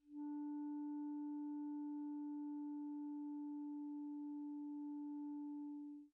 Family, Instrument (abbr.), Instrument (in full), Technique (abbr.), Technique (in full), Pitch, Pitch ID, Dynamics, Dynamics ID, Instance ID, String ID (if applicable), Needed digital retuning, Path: Winds, ClBb, Clarinet in Bb, ord, ordinario, D4, 62, pp, 0, 0, , TRUE, Winds/Clarinet_Bb/ordinario/ClBb-ord-D4-pp-N-T12d.wav